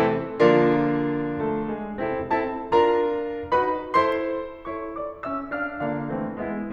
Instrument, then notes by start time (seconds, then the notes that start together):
piano
0.00 C3 E3 A3 C4 E4 A4
0.33 D3 F3 A#3 D4 F4 A#4
1.40 A3 A4
1.72 G#3 G#4
1.96 C3 E3 A3 C4 E4 A4
2.23 C4 E4 A4 A5
2.67 D4 F4 A#4 A#5
3.51 D#4 F#4 B4 B5
3.87 E4 A4 C5 C6
4.67 E4 A4 C#5 C#6
4.96 F4 D5 D6
5.21 C#4 E5 E6
5.54 D4 F5 F6
5.86 D3 A#3 D4 F4 F5
6.10 E3 A3 C4
6.44 G#3 B3 E4 E5